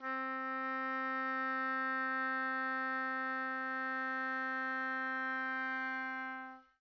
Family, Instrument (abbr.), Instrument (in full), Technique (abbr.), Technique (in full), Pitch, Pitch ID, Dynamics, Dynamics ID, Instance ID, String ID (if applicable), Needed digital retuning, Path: Winds, Ob, Oboe, ord, ordinario, C4, 60, pp, 0, 0, , FALSE, Winds/Oboe/ordinario/Ob-ord-C4-pp-N-N.wav